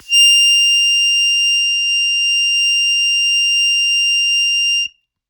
<region> pitch_keycenter=101 lokey=99 hikey=102 volume=0.808872 trigger=attack ampeg_attack=0.100000 ampeg_release=0.100000 sample=Aerophones/Free Aerophones/Harmonica-Hohner-Special20-F/Sustains/Accented/Hohner-Special20-F_Accented_F6.wav